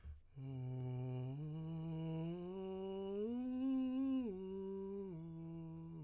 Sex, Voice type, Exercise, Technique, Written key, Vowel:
male, tenor, arpeggios, breathy, , u